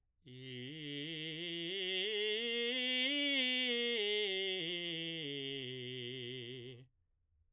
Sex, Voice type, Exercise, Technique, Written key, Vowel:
male, baritone, scales, belt, , i